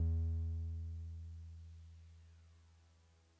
<region> pitch_keycenter=40 lokey=39 hikey=42 volume=21.065893 lovel=0 hivel=65 ampeg_attack=0.004000 ampeg_release=0.100000 sample=Electrophones/TX81Z/Piano 1/Piano 1_E1_vl1.wav